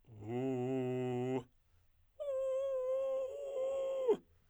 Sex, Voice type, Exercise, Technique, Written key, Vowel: male, tenor, long tones, inhaled singing, , u